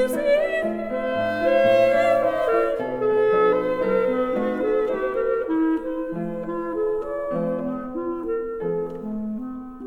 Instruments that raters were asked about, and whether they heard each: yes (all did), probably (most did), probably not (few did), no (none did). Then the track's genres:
saxophone: probably
flute: probably not
clarinet: yes
Classical; Opera